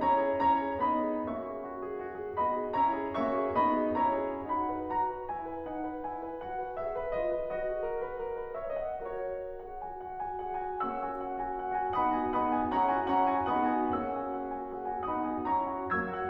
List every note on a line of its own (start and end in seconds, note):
0.00 0.41 C#4
0.00 0.41 E4
0.00 0.20 F#4
0.00 0.41 C#5
0.00 0.41 A#5
0.20 0.41 G#4
0.41 0.81 C#4
0.41 0.81 E4
0.41 0.62 F#4
0.41 0.81 C#5
0.41 0.81 A#5
0.63 0.81 G#4
0.82 1.24 B3
0.82 1.24 D#4
0.82 1.04 F#4
0.82 1.24 D#5
0.82 1.24 B5
1.06 1.24 G#4
1.25 2.38 A#3
1.25 2.38 C#4
1.25 1.42 F#4
1.25 2.38 E5
1.25 2.38 C#6
1.42 1.60 G#4
1.60 1.79 F#4
1.80 1.95 G#4
1.96 2.16 F#4
2.17 2.38 G#4
2.39 2.75 B3
2.39 2.75 D#4
2.39 2.54 F#4
2.39 2.75 D#5
2.39 2.75 B5
2.57 2.75 G#4
2.75 3.17 C#4
2.75 3.17 E4
2.75 2.98 F#4
2.75 3.17 C#5
2.75 3.17 A#5
2.98 3.17 G#4
3.18 3.58 A#3
3.18 3.58 C#4
3.18 3.38 F#4
3.18 3.58 E5
3.18 3.58 C#6
3.39 3.58 G#4
3.59 3.95 B3
3.59 3.95 D#4
3.59 3.75 F#4
3.59 3.95 D#5
3.59 3.95 B5
3.76 3.95 G#4
3.95 4.46 C#4
3.95 4.46 E4
3.95 4.20 F#4
3.95 4.46 C#5
3.95 4.46 A#5
4.20 4.46 G#4
4.46 4.64 D#4
4.46 4.64 F#4
4.46 4.88 F#5
4.46 4.88 B5
4.66 4.88 B4
4.89 5.07 F#4
4.89 5.28 A#5
5.09 5.28 B4
5.29 5.43 E4
5.29 5.69 G#5
5.43 5.69 B4
5.69 5.85 D#4
5.69 6.05 F#5
5.86 6.05 B4
6.06 6.22 E4
6.06 6.41 G#5
6.23 6.41 B4
6.42 6.58 F#4
6.42 6.78 F#5
6.59 6.78 B4
6.78 6.95 G#4
6.78 7.16 E5
6.95 7.16 B4
7.17 7.33 F4
7.17 7.50 D#5
7.34 7.50 B4
7.51 8.99 F#4
7.51 8.57 D#5
7.71 7.87 G#4
7.87 8.02 A#4
8.02 8.19 B4
8.19 8.36 A#4
8.36 8.57 B4
8.57 8.78 C#5
8.57 8.78 E5
8.79 8.99 D#5
8.79 8.99 F#5
8.99 9.49 F#4
8.99 9.49 A#4
8.99 9.49 C#5
9.49 9.68 G#4
9.49 9.68 F#5
9.68 9.89 F#4
9.68 9.89 G#5
9.89 10.11 G#4
9.89 10.11 F#5
10.11 10.37 F#4
10.11 10.37 G#5
10.38 10.55 G#4
10.38 10.55 F#5
10.57 10.76 F#4
10.57 10.76 G#5
10.77 11.95 A#3
10.77 11.95 C#4
10.77 10.97 G#4
10.77 10.97 F#5
10.77 11.95 C#6
10.77 11.95 E6
10.98 11.16 F#4
10.98 11.16 G#5
11.17 11.38 G#4
11.17 11.38 F#5
11.38 11.56 F#4
11.38 11.56 G#5
11.56 11.74 G#4
11.56 11.74 F#5
11.75 11.95 F#4
11.75 11.95 G#5
11.96 12.31 B3
11.96 12.31 D#4
11.96 12.11 G#4
11.96 12.11 F#5
11.96 12.31 B5
11.96 12.31 D#6
12.11 12.31 F#4
12.11 12.31 G#5
12.32 12.70 B3
12.32 12.70 D#4
12.32 12.50 G#4
12.32 12.50 F#5
12.32 12.70 B5
12.32 12.70 D#6
12.50 12.70 F#4
12.50 12.70 G#5
12.70 13.08 C#4
12.70 13.08 E4
12.70 12.90 G#4
12.70 12.90 F#5
12.70 13.08 A#5
12.70 13.08 C#6
12.91 13.08 F#4
12.91 13.08 G#5
13.10 13.44 C#4
13.10 13.44 E4
13.10 13.26 G#4
13.10 13.26 F#5
13.10 13.44 A#5
13.10 13.44 C#6
13.27 13.44 F#4
13.27 13.44 G#5
13.46 13.85 B3
13.46 13.85 D#4
13.46 13.64 G#4
13.46 13.64 F#5
13.46 13.85 B5
13.46 13.85 D#6
13.65 13.85 F#4
13.65 13.85 G#5
13.85 15.03 A#3
13.85 15.03 C#4
13.85 14.05 G#4
13.85 14.05 F#5
13.85 15.03 C#6
13.85 15.03 E6
14.05 14.25 F#4
14.05 14.25 G#5
14.26 14.47 G#4
14.26 14.47 F#5
14.48 14.65 F#4
14.48 14.65 G#5
14.66 14.85 G#4
14.66 14.85 F#5
14.86 15.03 F#4
14.86 15.03 G#5
15.05 15.44 B3
15.05 15.44 D#4
15.05 15.23 G#4
15.05 15.23 F#5
15.05 15.44 B5
15.05 15.44 D#6
15.23 15.44 F#4
15.23 15.44 G#5
15.44 15.70 C#4
15.44 15.70 E4
15.44 15.89 A#5
15.44 15.89 C#6
15.71 15.89 F#4
15.71 15.89 F#5
15.93 16.10 F#3
15.93 16.10 A#3
15.93 16.29 E6
15.93 16.29 G#6
16.11 16.29 F#4
16.11 16.29 F#5